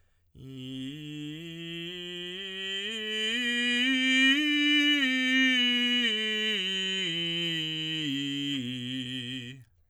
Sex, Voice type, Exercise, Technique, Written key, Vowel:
male, tenor, scales, straight tone, , i